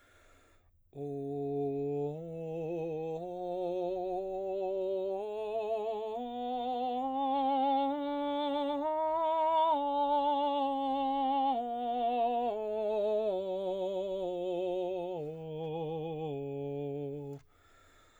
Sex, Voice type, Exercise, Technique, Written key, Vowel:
male, baritone, scales, slow/legato piano, C major, o